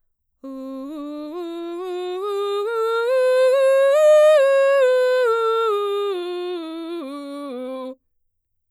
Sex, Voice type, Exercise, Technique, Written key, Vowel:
female, mezzo-soprano, scales, belt, , u